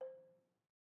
<region> pitch_keycenter=72 lokey=69 hikey=74 volume=21.638243 offset=157 lovel=0 hivel=65 ampeg_attack=0.004000 ampeg_release=30.000000 sample=Idiophones/Struck Idiophones/Balafon/Soft Mallet/EthnicXylo_softM_C4_vl1_rr1_Mid.wav